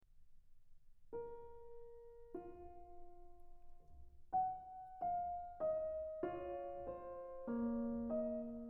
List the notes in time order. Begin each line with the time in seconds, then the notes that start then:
0.03 A#4
2.34 F4
4.38 F#5
5.03 F5
5.64 D#5
6.28 F4 C#5
6.94 C5
7.48 A#3 C#5
8.17 D#5